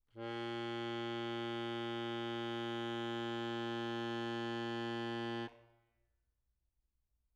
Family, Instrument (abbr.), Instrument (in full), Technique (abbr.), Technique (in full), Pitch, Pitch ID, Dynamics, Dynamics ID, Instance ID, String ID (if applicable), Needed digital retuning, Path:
Keyboards, Acc, Accordion, ord, ordinario, A#2, 46, mf, 2, 2, , FALSE, Keyboards/Accordion/ordinario/Acc-ord-A#2-mf-alt2-N.wav